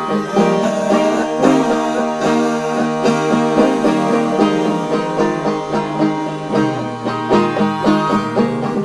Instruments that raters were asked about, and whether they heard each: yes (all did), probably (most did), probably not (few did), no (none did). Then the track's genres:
flute: no
banjo: probably
Folk